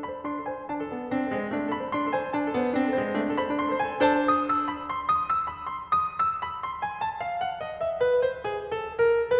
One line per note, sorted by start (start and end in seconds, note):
0.00 0.14 A4
0.06 0.29 B5
0.15 0.29 C5
0.29 0.39 D4
0.29 0.48 C6
0.41 0.55 A4
0.49 0.66 G#5
0.55 0.66 C5
0.67 0.80 D4
0.67 0.88 A5
0.84 0.99 A4
0.88 1.09 B3
0.99 1.09 C5
1.11 1.29 C4
1.11 1.23 D4
1.23 1.35 A4
1.30 1.53 G#3
1.36 1.53 C5
1.53 1.73 A3
1.53 1.66 D4
1.68 1.79 A4
1.74 1.93 B5
1.85 1.93 C5
1.93 2.03 D4
1.93 2.09 C6
2.04 2.15 A4
2.09 2.33 G#5
2.15 2.33 C5
2.35 2.46 D4
2.35 2.52 A5
2.46 2.57 A4
2.52 2.68 B3
2.58 2.68 C5
2.69 2.93 C4
2.69 2.87 D4
2.88 2.98 A4
2.94 3.12 G#3
3.00 3.12 C5
3.13 3.33 A3
3.13 3.29 D4
3.30 3.40 A4
3.34 3.52 B5
3.40 3.52 C5
3.52 3.72 D4
3.52 3.80 C6
3.73 3.87 A4
3.81 4.02 G#5
3.88 4.02 C5
4.03 4.57 D4
4.03 4.57 A4
4.03 4.57 C5
4.03 4.38 A5
4.38 4.57 D#6
4.59 4.75 E6
4.76 4.92 B5
4.93 5.12 C6
5.12 5.29 D#6
5.29 5.47 E6
5.48 5.70 B5
5.71 5.96 C6
5.97 6.14 D#6
6.14 6.41 E6
6.41 6.61 B5
6.62 6.83 C6
6.84 7.02 G#5
7.02 7.23 A5
7.23 7.43 F5
7.43 7.60 F#5
7.62 7.79 D#5
7.80 7.98 E5
7.99 8.20 B4
8.20 8.45 C5
8.45 8.72 G#4
8.72 9.06 A4
9.07 9.39 A#4